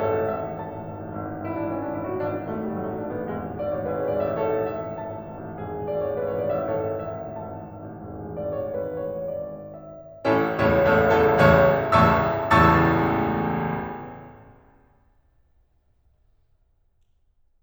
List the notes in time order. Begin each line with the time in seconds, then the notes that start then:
0.00 G#1 A4 C#5
0.16 A1
0.28 G#1 E5
0.49 A1
0.62 G#1 A5
0.81 A1
0.94 G#1
1.07 A1
1.21 G#1
1.34 A1
1.45 G#1 E4
1.58 A1 D4
1.73 G#1 C#4
1.85 A1 D4
1.95 G#1 E4
2.08 A1 F#4
2.17 G#1 D4
2.29 A1
2.48 G#1 A3
2.66 A1 G3
2.79 G#1 F#3
2.93 A1 A3
3.08 G#1 D4
3.19 A1 B3
3.32 E1 G#1 G#3
3.42 A1
3.53 G#1 D5
3.66 A1 C#5
3.83 G#1 G#4 B4
3.96 A1 C#5
4.09 G#1 D5
4.23 A1 E5
4.35 G#1 A4 C#5
4.48 A1
4.71 G#1 E5
4.90 A1
5.02 G#1 A5
5.19 A1
5.31 G#1
5.42 A1
5.60 E1 G#1 G#4
5.74 A1
5.87 G#1 D5
6.05 A1 C#5
6.19 G#1 B4
6.32 A1 C#5
6.48 G#1 D5
6.61 A1 E5
6.72 G#1 A4 C#5
6.87 A1
7.07 G#1 E5
7.26 A1
7.36 G#1 A5
7.53 A1
7.71 G#1
7.87 A1
8.01 E1 G#1 G#4
8.15 A1
8.32 G#1 D5
8.51 A1 C#5
8.73 G#1 B4
9.07 A1 C#5
9.32 G#1 D5
9.80 A1 E5
10.26 A1 A2 C#4 E4 A4
10.54 A1 C#2 E2 A2 E4 A4 C#5
10.79 A1 C#2 E2 A2 A4 C#5 E5
11.08 A1 C#2 E2 A2 A4 C#5 E5 A5
11.30 A1 C#2 E2 A2 C#5 E5 A5 C#6
11.87 A1 C#2 E2 A2 E5 A5 C#6 E6
12.52 A1 C#2 E2 A2 A5 C#6 E6 A6